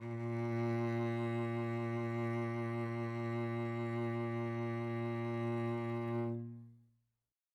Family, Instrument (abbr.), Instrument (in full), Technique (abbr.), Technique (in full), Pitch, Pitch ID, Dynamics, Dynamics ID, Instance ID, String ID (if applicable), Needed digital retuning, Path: Strings, Vc, Cello, ord, ordinario, A#2, 46, mf, 2, 2, 3, TRUE, Strings/Violoncello/ordinario/Vc-ord-A#2-mf-3c-T13u.wav